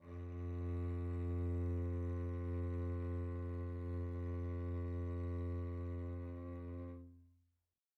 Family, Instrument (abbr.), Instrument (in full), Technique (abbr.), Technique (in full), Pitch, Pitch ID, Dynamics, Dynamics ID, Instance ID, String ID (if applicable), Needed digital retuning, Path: Strings, Vc, Cello, ord, ordinario, F2, 41, pp, 0, 3, 4, TRUE, Strings/Violoncello/ordinario/Vc-ord-F2-pp-4c-T19u.wav